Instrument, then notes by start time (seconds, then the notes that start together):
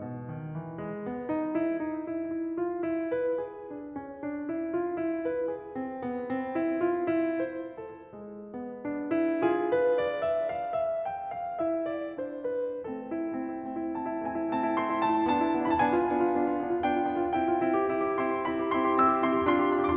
piano
0.01 B2
0.33 D#3
0.56 E3
0.82 G#3
1.05 B3
1.28 D#4
1.54 E4
1.79 D#4
2.08 E4
2.34 E4
2.57 F4
2.82 E4
3.02 B4
3.37 G#4
3.70 D4
4.00 C#4
4.24 D4
4.56 E4
4.81 F4
5.02 E4
5.24 B4
5.49 G#4
5.74 C4
5.97 B3
6.28 C4
6.53 E4
6.79 F4
7.13 E4
7.42 C5
7.76 A4
8.06 G#3
8.53 B3
8.84 D4
9.12 E4
9.44 F4 G#4
9.71 B4
9.96 D5
10.18 E5
10.50 F5
10.78 E5
11.06 G5
11.30 F5
11.59 E4 E5
11.87 D5
12.16 D4 C5
12.43 B4
12.88 A3 C4 A4
13.06 E4
13.23 A3 C4
13.39 E4
13.59 A3 C4
13.79 E4
13.97 A3 C4 A5
14.12 E4
14.23 A3 C4 G#5
14.32 E4
14.52 A3 C4 A5
14.60 E4
14.80 A3 C4 C6
14.89 E4
15.04 A3 C4 A5
15.16 E4
15.28 B3 D4 A5
15.42 E4
15.54 B3 D4
15.68 F4 B5
15.73 A5
15.81 B3 D4 G#5
15.91 F4
16.05 B3 D4
16.16 F4
16.26 B3 D4
16.38 F4
16.46 B3 D4
16.61 F4
16.82 B3 D4 G5
16.97 F4
17.10 B3 D4
17.19 F4
17.32 C4 E4 G5
17.46 G4
17.58 C4 E4
17.75 G4
17.89 C4 E4
18.02 G4
18.19 C4 E4 C6
18.27 G4
18.37 C4 E4 B5
18.55 G4
18.66 C4 E4 C6
18.79 G4
18.93 C4 E4 E6
19.05 G4
19.22 C4 E4 C6
19.32 G4
19.44 D4 F4 C6
19.56 G4
19.71 D4 F4
19.86 G#4 D6
19.92 C6